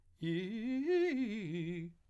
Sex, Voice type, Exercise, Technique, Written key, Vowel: male, , arpeggios, fast/articulated piano, F major, i